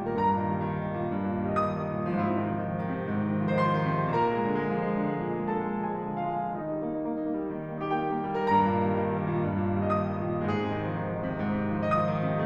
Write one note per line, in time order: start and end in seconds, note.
0.00 0.24 G2
0.00 0.13 A#4
0.14 0.37 A#2
0.14 1.10 A#5
0.26 0.49 D#3
0.37 0.67 G3
0.52 0.84 D#3
0.68 0.95 G3
0.85 1.10 D#3
0.96 1.22 A#2
1.10 1.35 G2
1.23 1.47 A#2
1.36 1.59 D#3
1.49 1.71 G3
1.60 1.81 D#3
1.60 1.71 D#5
1.71 1.93 G3
1.71 2.03 D#6
1.82 2.03 D#3
1.94 2.15 A#2
2.04 2.24 G#2
2.04 2.15 F3
2.15 2.37 C3
2.15 2.98 F4
2.25 2.53 D#3
2.38 2.65 F3
2.54 2.77 D#3
2.66 2.88 F3
2.77 2.98 D#3
2.89 3.09 C3
3.00 3.25 G#2
3.10 3.41 C3
3.26 3.52 D#3
3.41 3.66 F3
3.54 3.81 D#3
3.54 3.66 C5
3.67 3.95 F3
3.67 4.10 C6
3.82 4.10 D#3
3.96 4.31 F3
4.14 4.46 A#2
4.14 5.54 A#4
4.14 5.54 A#5
4.32 4.61 G#3
4.47 4.75 D3
4.62 4.85 G#3
4.75 4.98 F3
4.86 5.14 G#3
5.00 5.29 D#3
5.17 5.42 G#3
5.31 5.54 A#2
5.42 5.71 G#3
5.55 5.86 D3
5.55 5.86 A4
5.55 5.86 A5
5.75 6.04 G#3
5.87 6.32 F3
5.87 6.32 G#4
5.87 6.32 G#5
6.05 6.43 G#3
6.32 6.55 D#3
6.32 6.55 F4
6.32 6.55 F5
6.44 6.65 G#3
6.56 6.79 D#3
6.56 7.49 D#4
6.56 7.49 D#5
6.66 6.90 G3
6.79 7.01 A#3
6.91 7.13 D#4
7.02 7.24 A#3
7.14 7.36 D#4
7.26 7.49 A#3
7.36 7.60 G3
7.50 7.72 D#3
7.62 7.81 G3
7.73 7.94 A#3
7.83 8.01 D#4
7.94 8.14 A#3
7.94 8.01 G4
8.02 8.25 D#4
8.02 8.37 G5
8.15 8.37 A#3
8.27 8.51 G3
8.38 8.63 G2
8.38 8.51 A#4
8.52 8.72 A#2
8.52 9.33 A#5
8.64 8.84 D#3
8.73 8.95 G3
8.85 9.04 D#3
8.95 9.20 G3
9.06 9.33 D#3
9.22 9.46 A#2
9.35 9.61 G2
9.49 9.73 A#2
9.61 9.85 D#3
9.74 9.97 G3
9.86 10.11 D#3
9.86 9.97 D#5
9.98 10.26 G3
9.98 10.40 D#6
10.12 10.40 D#3
10.26 10.67 A#2
10.41 10.80 G#2
10.41 10.67 G#3
10.68 10.91 C3
10.68 11.41 G#4
10.81 10.99 D#3
10.91 11.08 F3
11.01 11.18 D#3
11.09 11.30 F3
11.19 11.41 D#3
11.31 11.56 C3
11.41 11.68 G#2
11.58 11.80 C3
11.69 11.92 D#3
11.81 12.04 F3
11.94 12.18 D#3
11.94 12.04 D#5
12.04 12.29 F3
12.04 12.45 D#6
12.19 12.45 C3